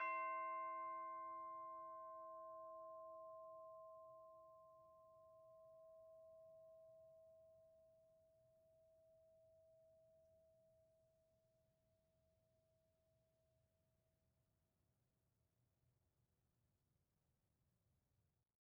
<region> pitch_keycenter=72 lokey=72 hikey=73 volume=32.636954 lovel=0 hivel=83 ampeg_attack=0.004000 ampeg_release=30.000000 sample=Idiophones/Struck Idiophones/Tubular Bells 2/TB_hit_C5_v2_1.wav